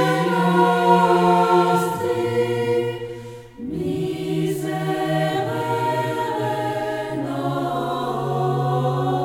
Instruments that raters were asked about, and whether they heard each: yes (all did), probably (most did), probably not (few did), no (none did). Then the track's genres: voice: yes
Choral Music